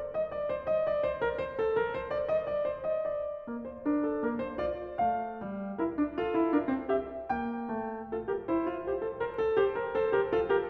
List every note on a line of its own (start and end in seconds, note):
0.00 0.16 D5
0.16 0.34 D#5
0.34 0.53 D5
0.53 0.71 C5
0.71 0.88 D#5
0.88 1.03 D5
1.03 1.21 C5
1.21 1.38 A#4
1.38 1.61 C5
1.61 1.79 A4
1.79 1.97 A#4
1.97 2.14 C5
2.14 2.30 D5
2.30 2.46 D#5
2.46 2.65 D5
2.65 2.87 C5
2.87 3.08 D#5
3.08 3.66 D5
3.48 3.87 A#3
3.66 3.87 C5
3.87 4.25 D4
3.87 4.08 A#4
4.08 4.25 A4
4.25 4.59 A#3
4.25 4.41 A#4
4.41 4.59 C5
4.59 4.98 F4
4.59 4.98 D5
4.98 5.42 A3
4.98 5.79 F5
5.42 5.79 G3
5.79 5.99 E4
5.79 6.21 A#4
5.99 6.21 D4
6.21 6.41 F4
6.21 6.54 A4
6.41 6.54 E4
6.54 6.71 D4
6.54 6.91 A#4
6.71 6.91 C4
6.91 7.34 G4
6.91 7.34 E5
7.34 7.74 A#3
7.34 8.12 G5
7.74 8.12 A3
8.12 8.29 F4
8.12 8.29 A4
8.29 8.50 G4
8.29 8.50 A#4
8.50 8.71 E4
8.50 8.90 C5
8.71 8.90 F4
8.90 9.04 G4
8.90 9.22 C5
9.04 9.22 A4
9.22 9.39 A#4
9.22 9.58 C5
9.39 9.58 A4
9.58 9.79 G4
9.58 9.94 C5
9.79 9.94 A#4
9.94 10.12 A4
9.94 10.12 C5
10.12 10.32 G4
10.12 10.32 A#4
10.32 10.52 F4
10.32 10.52 A4
10.52 10.70 G4
10.52 10.70 A#4